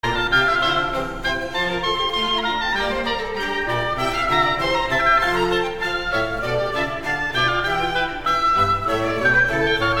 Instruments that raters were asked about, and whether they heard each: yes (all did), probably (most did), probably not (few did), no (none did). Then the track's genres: trumpet: no
violin: yes
Classical; Chamber Music